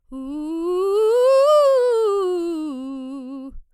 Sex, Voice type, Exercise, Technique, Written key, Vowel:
female, soprano, scales, fast/articulated piano, C major, u